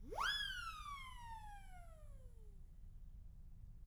<region> pitch_keycenter=60 lokey=60 hikey=60 volume=20.000000 ampeg_attack=0.004000 ampeg_release=1.000000 sample=Aerophones/Free Aerophones/Siren/Main_SirenWhistle-002.wav